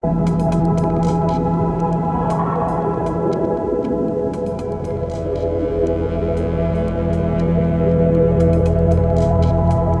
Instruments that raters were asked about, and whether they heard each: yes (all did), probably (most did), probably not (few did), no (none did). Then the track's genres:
trombone: no
Electronic